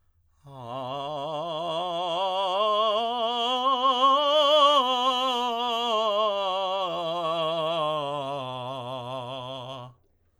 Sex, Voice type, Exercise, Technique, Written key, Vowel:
male, tenor, scales, vibrato, , a